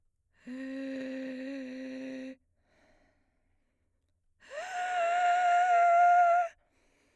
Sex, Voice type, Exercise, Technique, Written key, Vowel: female, soprano, long tones, inhaled singing, , e